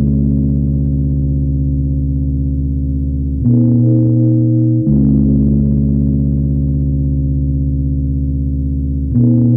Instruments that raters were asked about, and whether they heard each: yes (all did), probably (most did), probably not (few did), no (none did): synthesizer: probably